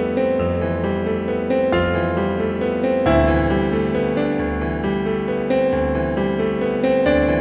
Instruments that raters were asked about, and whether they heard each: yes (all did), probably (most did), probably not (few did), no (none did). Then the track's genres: piano: yes
Pop; Folk; Indie-Rock